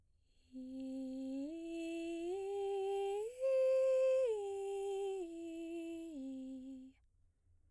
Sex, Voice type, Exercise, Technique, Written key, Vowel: female, soprano, arpeggios, breathy, , i